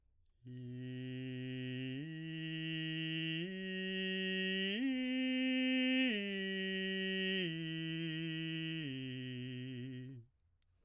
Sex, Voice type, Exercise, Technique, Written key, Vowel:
male, baritone, arpeggios, straight tone, , i